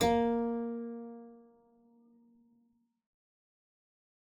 <region> pitch_keycenter=58 lokey=58 hikey=59 volume=-0.417280 trigger=attack ampeg_attack=0.004000 ampeg_release=0.350000 amp_veltrack=0 sample=Chordophones/Zithers/Harpsichord, English/Sustains/Lute/ZuckermannKitHarpsi_Lute_Sus_A#2_rr1.wav